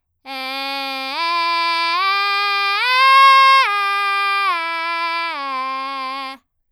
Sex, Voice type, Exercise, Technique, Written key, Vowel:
female, soprano, arpeggios, belt, , e